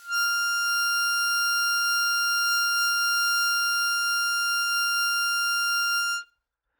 <region> pitch_keycenter=89 lokey=87 hikey=92 volume=9.437299 trigger=attack ampeg_attack=0.004000 ampeg_release=0.100000 sample=Aerophones/Free Aerophones/Harmonica-Hohner-Special20-F/Sustains/Normal/Hohner-Special20-F_Normal_F5.wav